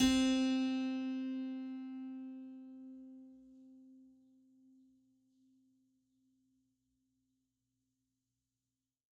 <region> pitch_keycenter=60 lokey=60 hikey=61 volume=1.428407 trigger=attack ampeg_attack=0.004000 ampeg_release=0.400000 amp_veltrack=0 sample=Chordophones/Zithers/Harpsichord, French/Sustains/Harpsi2_Normal_C3_rr1_Main.wav